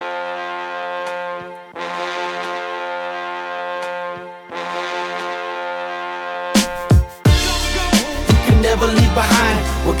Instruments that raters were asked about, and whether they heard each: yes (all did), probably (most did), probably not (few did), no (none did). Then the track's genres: trombone: probably not
trumpet: yes
ukulele: no
saxophone: probably not
Hip-Hop